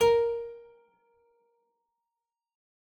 <region> pitch_keycenter=70 lokey=70 hikey=71 volume=-2 trigger=attack ampeg_attack=0.004000 ampeg_release=0.350000 amp_veltrack=0 sample=Chordophones/Zithers/Harpsichord, English/Sustains/Lute/ZuckermannKitHarpsi_Lute_Sus_A#3_rr1.wav